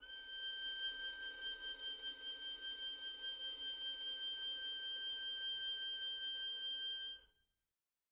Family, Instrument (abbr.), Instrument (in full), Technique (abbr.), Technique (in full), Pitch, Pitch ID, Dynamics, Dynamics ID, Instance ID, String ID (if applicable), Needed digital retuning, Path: Strings, Vn, Violin, ord, ordinario, G6, 91, mf, 2, 0, 1, TRUE, Strings/Violin/ordinario/Vn-ord-G6-mf-1c-T15d.wav